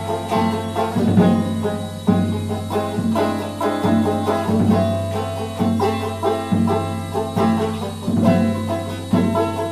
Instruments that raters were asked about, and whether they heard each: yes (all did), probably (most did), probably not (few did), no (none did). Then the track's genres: banjo: probably
Folk; Soundtrack; Experimental